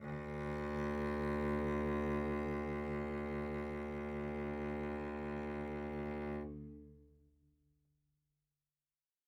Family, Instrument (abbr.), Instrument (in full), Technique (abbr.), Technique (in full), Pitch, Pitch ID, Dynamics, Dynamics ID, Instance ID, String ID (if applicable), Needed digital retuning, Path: Strings, Vc, Cello, ord, ordinario, D2, 38, mf, 2, 3, 4, FALSE, Strings/Violoncello/ordinario/Vc-ord-D2-mf-4c-N.wav